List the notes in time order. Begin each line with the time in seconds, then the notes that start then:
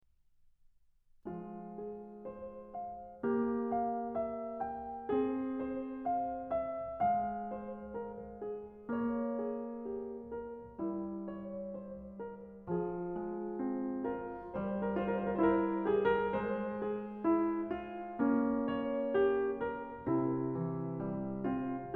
1.25 F3 G#3 F4
1.58 G#4
2.27 C5
2.82 F5
3.25 A#3 G4
3.73 F5
4.21 E5
4.60 G5
5.12 C4 G#4
5.58 C5
6.05 F5
6.50 E5
7.08 G#3 F5
7.53 C5
7.88 A#4
8.36 G#4
8.92 A#3 C#5
9.33 G#4
9.98 G4
10.33 A#4
10.84 G3 E4
11.32 C#5
11.73 C5
12.17 A#4
12.65 F3 F4 G#4
13.20 G#3
13.65 C4
14.02 F4 A#4
14.57 G3 C5
14.83 A#4
14.96 F4 C5
15.07 A#4
15.28 C5
15.36 E4 A#4
15.84 G4 G#4
16.08 A#4
16.29 G#3 C5
16.81 G#4
17.36 E4
17.72 F4
18.22 A#3 C#4
18.64 C#5
19.19 G4
19.62 A#4
20.11 C3 C4 E4
20.57 E3
21.05 G3
21.40 C4 F4